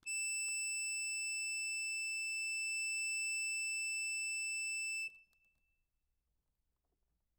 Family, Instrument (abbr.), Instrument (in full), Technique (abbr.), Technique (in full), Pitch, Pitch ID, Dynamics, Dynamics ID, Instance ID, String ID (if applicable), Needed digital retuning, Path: Keyboards, Acc, Accordion, ord, ordinario, E7, 100, ff, 4, 0, , FALSE, Keyboards/Accordion/ordinario/Acc-ord-E7-ff-N-N.wav